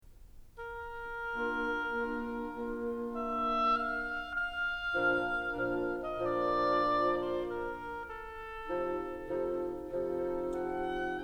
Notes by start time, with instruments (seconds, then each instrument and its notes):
0.78 oboe A#4
1.32 bassoon A#3, clarinet D4, oboe F4
1.89 bassoon A#3, clarinet D4, oboe F4
2.43 bassoon A#3, clarinet D4, oboe F4
2.88 oboe E5
3.69 oboe F5
4.39 oboe F5
4.99 bassoon A#2 F3, clarinet D4, oboe A#4
5.43 bassoon A#2 F3, clarinet D4, oboe A#4
5.96 oboe D#5
6.62 bassoon A#2 F3, clarinet D4, oboe A#4 D5
7.41 oboe C5
7.64 oboe A#4
8.13 oboe A4
8.63 bassoon C3 F3, clarinet D#4, oboe A4
9.07 bassoon C3 F3, clarinet D#4, oboe A4
9.51 bassoon C3 F3, clarinet D#4, oboe A4
10.74 oboe F#5